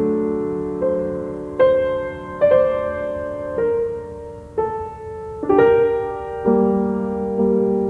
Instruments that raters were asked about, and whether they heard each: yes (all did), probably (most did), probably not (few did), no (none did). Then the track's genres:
drums: no
piano: yes
Classical